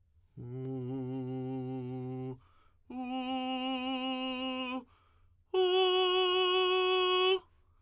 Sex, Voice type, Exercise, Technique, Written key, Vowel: male, tenor, long tones, straight tone, , u